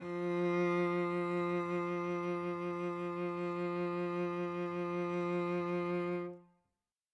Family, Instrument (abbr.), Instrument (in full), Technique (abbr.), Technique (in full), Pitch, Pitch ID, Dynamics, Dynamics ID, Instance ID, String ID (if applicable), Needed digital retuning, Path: Strings, Vc, Cello, ord, ordinario, F3, 53, mf, 2, 2, 3, TRUE, Strings/Violoncello/ordinario/Vc-ord-F3-mf-3c-T11d.wav